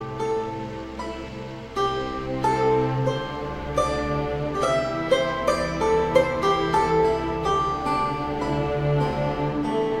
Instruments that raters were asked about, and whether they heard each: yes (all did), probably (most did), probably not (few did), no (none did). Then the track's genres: ukulele: probably not
mandolin: yes
banjo: probably
Ambient